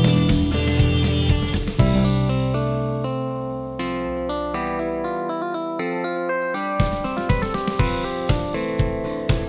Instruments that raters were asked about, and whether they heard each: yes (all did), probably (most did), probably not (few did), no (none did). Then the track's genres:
guitar: yes
Rock; Electronic; Experimental Pop; Instrumental